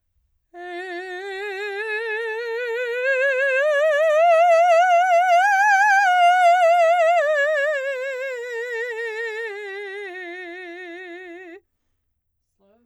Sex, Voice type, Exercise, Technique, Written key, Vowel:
female, soprano, scales, slow/legato piano, F major, e